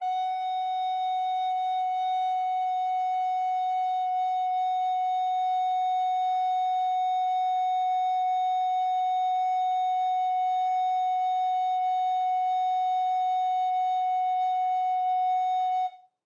<region> pitch_keycenter=78 lokey=78 hikey=79 volume=11.872402 offset=289 ampeg_attack=0.004000 ampeg_release=0.300000 sample=Aerophones/Edge-blown Aerophones/Baroque Alto Recorder/Sustain/AltRecorder_Sus_F#4_rr1_Main.wav